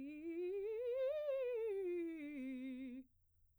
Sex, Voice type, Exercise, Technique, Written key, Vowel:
female, soprano, scales, fast/articulated piano, C major, i